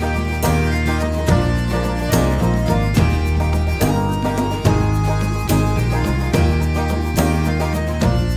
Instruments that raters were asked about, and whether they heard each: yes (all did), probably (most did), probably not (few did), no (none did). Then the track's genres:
mandolin: probably not
banjo: probably
Pop; Folk; Singer-Songwriter